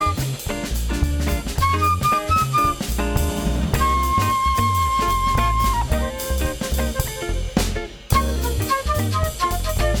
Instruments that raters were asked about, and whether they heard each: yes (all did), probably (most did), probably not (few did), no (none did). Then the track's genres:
flute: yes
clarinet: no
trumpet: probably not
cymbals: yes
Jazz